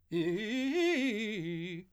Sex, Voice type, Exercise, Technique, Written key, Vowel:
male, , arpeggios, fast/articulated forte, F major, i